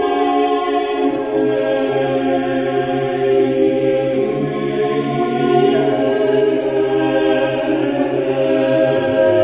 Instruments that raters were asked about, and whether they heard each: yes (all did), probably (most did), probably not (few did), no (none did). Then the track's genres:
mallet percussion: no
banjo: no
voice: yes
Choral Music